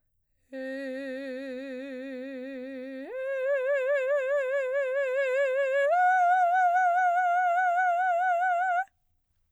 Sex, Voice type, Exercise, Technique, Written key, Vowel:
female, soprano, long tones, full voice pianissimo, , e